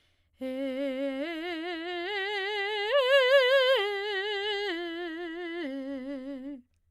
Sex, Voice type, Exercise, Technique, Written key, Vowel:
female, soprano, arpeggios, vibrato, , e